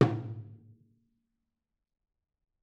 <region> pitch_keycenter=62 lokey=62 hikey=62 volume=11.082364 offset=259 lovel=100 hivel=127 seq_position=2 seq_length=2 ampeg_attack=0.004000 ampeg_release=30.000000 sample=Membranophones/Struck Membranophones/Tom 1/Mallet/TomH_HitM_v4_rr1_Mid.wav